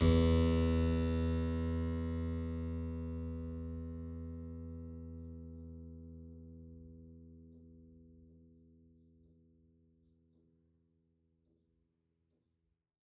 <region> pitch_keycenter=40 lokey=40 hikey=41 volume=0 trigger=attack ampeg_attack=0.004000 ampeg_release=0.400000 amp_veltrack=0 sample=Chordophones/Zithers/Harpsichord, French/Sustains/Harpsi2_Normal_E1_rr1_Main.wav